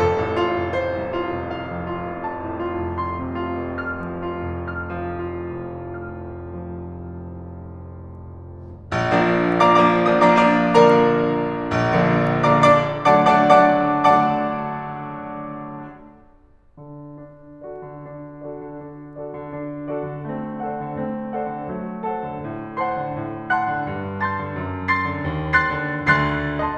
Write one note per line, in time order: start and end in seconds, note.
0.00 0.79 A4
0.19 0.98 A1
0.36 1.22 F4
0.51 1.39 F1
0.79 1.52 C5
0.98 1.68 C2
1.22 1.86 F4
1.40 2.05 F1
1.52 2.24 F5
1.70 2.43 F2
1.86 2.59 F4
2.05 2.81 F1
2.25 2.97 A5
2.43 3.20 A2
2.59 3.37 F4
2.81 3.55 F1
2.97 3.78 C6
3.22 4.02 C3
3.38 4.16 F4
3.56 4.32 F1
3.78 4.52 F6
4.02 4.77 F3
4.16 5.00 F4
4.33 5.19 F1
4.52 5.48 F6
4.77 5.85 F3
5.00 6.21 F4
5.19 6.84 F1
5.48 8.94 F6
5.86 8.94 F3
6.85 8.94 F1
8.94 9.38 F3
8.94 9.38 A#3
8.94 9.38 D4
9.38 9.58 F3
9.38 9.58 A#3
9.38 9.58 D4
9.38 9.58 D5
9.38 9.58 F5
9.38 9.58 A#5
9.38 9.58 D6
9.58 9.90 F3
9.58 9.90 A#3
9.58 9.90 D4
9.58 9.90 D5
9.58 9.90 F5
9.58 9.90 A#5
9.58 9.90 D6
9.90 10.07 F3
9.90 10.07 A#3
9.90 10.07 D4
9.90 10.07 D5
9.90 10.07 F5
9.90 10.07 A#5
9.90 10.07 D#6
10.07 10.25 F3
10.07 10.25 A#3
10.07 10.25 D4
10.07 10.25 D5
10.07 10.25 F5
10.07 10.25 A#5
10.07 10.25 D6
10.25 10.65 F3
10.25 10.65 A#3
10.25 10.65 D4
10.25 10.65 D5
10.25 10.65 F5
10.25 10.65 A#5
10.25 10.65 D6
10.65 11.02 D3
10.65 11.02 F3
10.65 11.02 A#3
10.65 11.02 A#4
10.65 11.02 D5
10.65 11.02 F5
10.65 11.02 A#5
11.47 11.87 A#1
11.87 12.38 D3
11.87 12.38 F3
11.87 12.38 A#3
11.87 12.38 D4
12.38 12.52 D3
12.38 12.52 F3
12.38 12.52 A#3
12.38 12.52 D4
12.38 12.52 D5
12.38 12.52 F5
12.38 12.52 A#5
12.38 12.52 D6
12.52 12.82 D3
12.52 12.82 D4
12.52 12.82 D5
12.52 12.82 D6
12.83 13.04 D3
12.83 13.04 F#3
12.83 13.04 A3
12.83 13.04 D4
12.83 13.04 D5
12.83 13.04 F#5
12.83 13.04 A5
12.83 13.04 D6
13.04 13.20 D3
13.04 13.20 F#3
13.04 13.20 A3
13.04 13.20 D4
13.04 13.20 D5
13.04 13.20 F#5
13.04 13.20 A5
13.04 13.20 D6
13.20 13.58 D3
13.20 13.58 F#3
13.20 13.58 A3
13.20 13.58 D4
13.20 13.58 D5
13.20 13.58 F#5
13.20 13.58 A5
13.20 13.58 D6
13.58 15.56 D3
13.58 15.56 F#3
13.58 15.56 A3
13.58 15.56 D4
13.58 15.56 D5
13.58 15.56 F#5
13.58 15.56 A5
13.58 15.56 D6
16.28 16.97 D3
16.97 17.88 D4
17.65 18.16 F#4
17.65 18.16 A4
17.65 18.16 D5
17.88 18.16 D3
18.16 18.61 D4
18.44 18.78 F#4
18.44 18.78 A4
18.44 18.78 D5
18.61 18.78 D3
18.78 19.35 D4
19.19 19.52 F#4
19.19 19.52 A4
19.19 19.52 D5
19.35 19.52 D3
19.52 20.14 D4
19.93 20.33 F#4
19.93 20.33 A4
19.93 20.33 D5
20.14 20.33 D3
20.33 20.82 A3
20.33 20.82 C4
20.63 20.99 A4
20.63 20.99 C5
20.63 20.99 D5
20.63 20.99 F#5
20.82 20.99 D3
20.99 21.51 A3
20.99 21.51 C4
21.33 21.66 A4
21.33 21.66 C5
21.33 21.66 D5
21.33 21.66 F#5
21.51 21.66 D3
21.66 22.23 F#3
21.66 22.23 A3
22.06 22.40 A4
22.06 22.40 C5
22.06 22.40 F#5
22.06 22.40 A5
22.23 22.40 D3
22.40 22.95 A2
22.77 23.19 C5
22.77 23.19 F#5
22.77 23.19 A5
22.77 23.19 C6
22.95 23.19 D3
23.19 23.75 A2
23.52 23.88 F#5
23.52 23.88 A5
23.52 23.88 C6
23.52 23.88 F#6
23.75 23.88 D3
23.88 24.46 G2
24.21 24.60 A5
24.21 24.60 C6
24.21 24.60 A6
24.46 24.60 D3
24.60 25.05 F2
24.89 25.19 C6
24.89 25.19 A6
24.89 25.19 C7
25.05 25.19 D3
25.19 25.76 D#2
25.53 26.11 C6
25.53 26.11 F#6
25.53 26.11 A6
25.53 26.11 C7
25.76 26.11 D3
26.11 26.59 D2
26.11 26.59 D3
26.11 26.59 C6
26.11 26.59 F#6
26.11 26.59 A6
26.11 26.59 C7
26.59 26.78 D#5
26.59 26.78 A5
26.59 26.78 C6